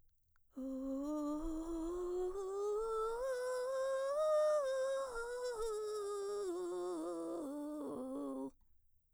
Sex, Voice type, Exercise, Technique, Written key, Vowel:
female, mezzo-soprano, scales, vocal fry, , u